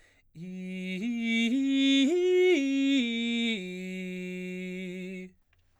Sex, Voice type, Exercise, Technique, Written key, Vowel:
male, baritone, arpeggios, slow/legato forte, F major, i